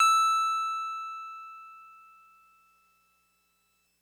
<region> pitch_keycenter=88 lokey=87 hikey=90 volume=7.801785 lovel=100 hivel=127 ampeg_attack=0.004000 ampeg_release=0.100000 sample=Electrophones/TX81Z/Piano 1/Piano 1_E5_vl3.wav